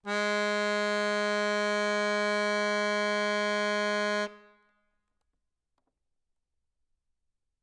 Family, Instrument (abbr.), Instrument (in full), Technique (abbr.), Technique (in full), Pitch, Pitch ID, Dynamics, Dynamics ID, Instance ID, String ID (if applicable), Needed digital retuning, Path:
Keyboards, Acc, Accordion, ord, ordinario, G#3, 56, ff, 4, 0, , FALSE, Keyboards/Accordion/ordinario/Acc-ord-G#3-ff-N-N.wav